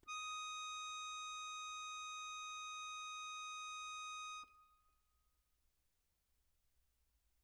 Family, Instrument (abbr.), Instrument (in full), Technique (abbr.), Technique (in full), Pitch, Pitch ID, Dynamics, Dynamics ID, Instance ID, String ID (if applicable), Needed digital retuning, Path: Keyboards, Acc, Accordion, ord, ordinario, D#6, 87, mf, 2, 1, , FALSE, Keyboards/Accordion/ordinario/Acc-ord-D#6-mf-alt1-N.wav